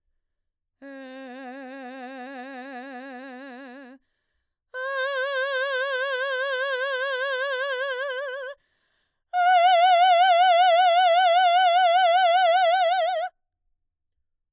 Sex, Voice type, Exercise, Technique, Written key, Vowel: female, mezzo-soprano, long tones, full voice forte, , e